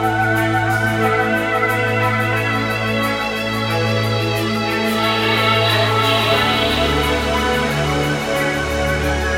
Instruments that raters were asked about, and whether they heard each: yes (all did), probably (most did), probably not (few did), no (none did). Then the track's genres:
violin: no
Ambient Electronic; Ambient